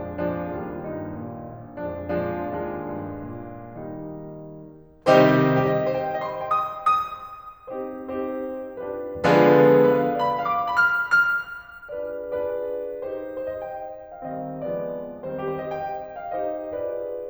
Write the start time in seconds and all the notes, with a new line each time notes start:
0.00 F2 F3 G#3 D4
0.33 A#2 F3 G#3 D4
0.62 D#2 G3 A#3 F4
0.86 G2 D#4
1.27 A#2
1.59 A#1
1.92 F2 F3 G#3 D4
2.31 A#2 F3 G#3 D4
2.60 D#2 G#3 D4 F4
2.96 G2
3.36 A#2
3.74 D#3 G3 A#3 D#4
4.92 C3 D#3 G3 C4 D#4 G4 C5
5.57 G4
5.65 D#5
5.89 C5
5.96 G5
6.20 D#5
6.30 C6
6.64 G5
6.71 D#6
7.06 D#6
7.71 C4 D#4 G4 C5
8.03 C4 D#4 G4 C5
8.80 D4 F4 G4 B4
9.21 D3 F3 G#3 B3 D4 F4 G#4 B4
9.88 B4
10.01 F5
10.24 D5
10.29 B5
10.51 F5
10.57 D6
10.74 B5
10.83 F6
11.16 F6
11.94 D4 F4 G#4 B4 D5
12.38 D4 F4 G#4 B4 D5
13.03 D#4 G4 C5
13.43 C5
13.51 D#5
13.57 G5
14.14 F5
14.29 D#3 G3 C4 D#5
14.64 F3 G#3 B3 D5
15.23 D#3 G3 C4 C5
15.55 G4
15.62 C5
15.69 D#5 G5
16.20 F5
16.36 C4 D#4 D#5
16.65 D4 F4 B4 D5